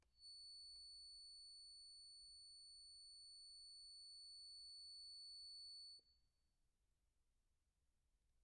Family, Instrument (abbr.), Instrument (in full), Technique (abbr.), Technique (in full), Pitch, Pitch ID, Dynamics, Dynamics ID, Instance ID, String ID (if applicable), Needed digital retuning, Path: Keyboards, Acc, Accordion, ord, ordinario, C#8, 109, pp, 0, 1, , FALSE, Keyboards/Accordion/ordinario/Acc-ord-C#8-pp-alt1-N.wav